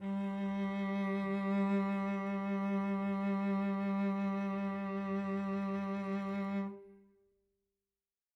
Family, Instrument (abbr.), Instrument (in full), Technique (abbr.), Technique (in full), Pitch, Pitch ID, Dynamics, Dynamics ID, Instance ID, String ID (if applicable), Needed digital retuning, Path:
Strings, Vc, Cello, ord, ordinario, G3, 55, mf, 2, 3, 4, FALSE, Strings/Violoncello/ordinario/Vc-ord-G3-mf-4c-N.wav